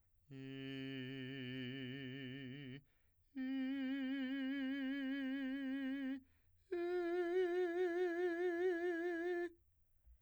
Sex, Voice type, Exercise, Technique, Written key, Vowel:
male, , long tones, full voice pianissimo, , i